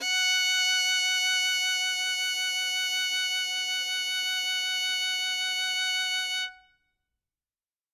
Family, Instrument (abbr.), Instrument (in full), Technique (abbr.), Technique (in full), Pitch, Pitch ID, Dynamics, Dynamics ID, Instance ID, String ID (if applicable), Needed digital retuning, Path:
Strings, Vn, Violin, ord, ordinario, F#5, 78, ff, 4, 0, 1, FALSE, Strings/Violin/ordinario/Vn-ord-F#5-ff-1c-N.wav